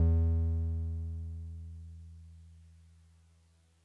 <region> pitch_keycenter=40 lokey=39 hikey=42 volume=11.753143 lovel=66 hivel=99 ampeg_attack=0.004000 ampeg_release=0.100000 sample=Electrophones/TX81Z/Piano 1/Piano 1_E1_vl2.wav